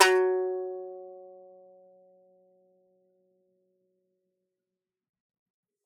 <region> pitch_keycenter=54 lokey=54 hikey=54 volume=-7.545094 lovel=100 hivel=127 ampeg_attack=0.004000 ampeg_release=15.000000 sample=Chordophones/Composite Chordophones/Strumstick/Finger/Strumstick_Finger_Str1_Main_F#2_vl3_rr2.wav